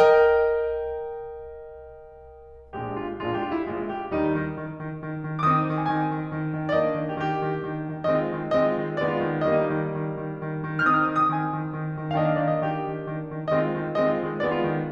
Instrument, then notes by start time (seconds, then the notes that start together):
piano
0.00 A#4 D#5 G5
2.58 A#1 A#2 G#3 D4 G4
2.86 F4
3.13 A#1 A#2 G#3 D4 F4
3.29 G4
3.40 F4
3.53 E4
3.67 A#1 A#2 G#3 D4 F4
3.91 G4
4.13 D#2 D#3 G3 D#4
4.33 D#3
4.56 D#3
4.76 D#3
4.97 D#3
5.21 D#3
5.48 D#3 C4 D#4 D6
5.53 D#6
5.70 D#3
5.82 G#5
5.94 D#3 G#5
6.14 D#3
6.33 D#3
6.51 D#3
6.72 D#3 A#3 D4 D5
6.80 D#5
6.99 D#3
7.08 G4
7.15 D#3 G4
7.36 D#3
7.57 D#3
7.87 D#3
8.10 D#3 G#3 C4 D#5
8.23 F4
8.35 D#3
8.56 D#3 G#3 C4 D#5
8.67 F4
8.78 D#3
8.97 D#3 G#3 B3 D5
9.10 F4
9.21 D#3
9.45 D#3 G3 A#3 D#5
9.64 D#4
9.74 D#3
10.08 D#3
10.32 D#3
10.54 D#3
10.76 D#3
10.98 D#3 C4 D#4 D#6
11.03 F6
11.09 D#6
11.13 F6
11.18 D#3 D#6
11.23 F6
11.27 D6
11.33 D#6
11.38 D#3 G#5
11.54 D#3
11.74 D#3
11.97 D#3
12.18 D#3 A#3 D4 D#5
12.24 F5
12.31 D#5
12.35 F5
12.41 D#3 D#5
12.46 F5
12.52 D5
12.59 D#5
12.63 D#3 G4
12.84 D#3
13.04 D#3
13.28 D#3
13.49 D#3 G#3 C4 D#5
13.61 F4
13.75 D#3
13.97 D#3 G#3 C4 D#5
14.08 F4
14.20 D#3
14.48 D#3 G#3 B3 D5
14.58 F4
14.67 D#3